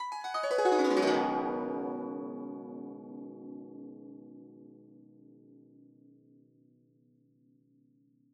<region> pitch_keycenter=60 lokey=60 hikey=60 volume=9.727670 lovel=0 hivel=83 ampeg_attack=0.004000 ampeg_release=0.300000 sample=Chordophones/Zithers/Dan Tranh/Gliss/Gliss_Dwn_Med_mf_1.wav